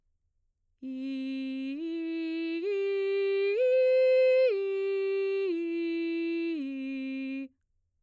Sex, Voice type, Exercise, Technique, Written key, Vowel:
female, mezzo-soprano, arpeggios, straight tone, , i